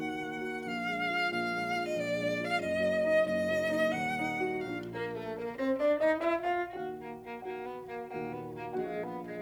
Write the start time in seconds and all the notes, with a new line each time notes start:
0.00 D#2 D#3 F#5
0.26 A#3
0.46 F#4
0.59 F#5
0.64 A#1 A#2 F5
0.87 G#3 A#3 D4
1.14 F4
1.25 A#1 A#2 F5
1.47 G#3 A#3 D4
1.71 F4
1.78 D#5
1.90 A#1 A#2 D5
2.15 G#3 A#3 D4
2.40 F4 F5
2.59 F#1 F#2 D#5
2.83 F#3 A#3
3.09 D#4
3.29 F#1 F#2 D#5
3.49 F#3 A#3
3.69 D#4
3.94 D#1 D#2 F#5
4.18 A#3 D#4
4.45 F#4
4.69 A#1 A#2 A#3 D4 F4 F5
4.95 A#3 A#4
5.17 A3 A4
5.42 A#3 A#4
5.56 C4 C5
5.77 D4 D5
5.98 D#4 D#5
6.18 E4 E5
6.47 F4 F5
6.71 D#2 A#2 D#3 F#4 F#5
6.95 A#3
7.16 A#3
7.41 D#2 A#2 D#3 A#3 F#4 F#5
7.64 B3
7.88 A#3
8.12 D#2 A#2 D#3 A#3 F#4 F#5
8.23 B3
8.49 A#3
8.64 F#4 F#5
8.73 A#1 A#2 G#3 F4 F5
8.94 B3
9.17 G#3